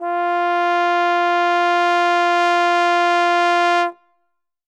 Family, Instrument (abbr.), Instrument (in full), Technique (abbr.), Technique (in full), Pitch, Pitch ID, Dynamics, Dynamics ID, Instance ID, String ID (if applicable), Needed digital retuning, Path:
Brass, Tbn, Trombone, ord, ordinario, F4, 65, ff, 4, 0, , FALSE, Brass/Trombone/ordinario/Tbn-ord-F4-ff-N-N.wav